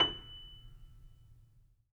<region> pitch_keycenter=102 lokey=102 hikey=103 volume=5.158113 lovel=0 hivel=65 locc64=0 hicc64=64 ampeg_attack=0.004000 ampeg_release=10.000000 sample=Chordophones/Zithers/Grand Piano, Steinway B/NoSus/Piano_NoSus_Close_F#7_vl2_rr1.wav